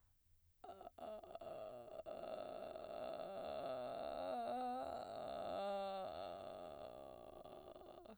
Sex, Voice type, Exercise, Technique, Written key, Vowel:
female, soprano, arpeggios, vocal fry, , a